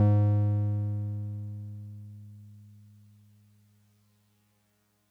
<region> pitch_keycenter=44 lokey=43 hikey=46 volume=7.749641 lovel=100 hivel=127 ampeg_attack=0.004000 ampeg_release=0.100000 sample=Electrophones/TX81Z/Piano 1/Piano 1_G#1_vl3.wav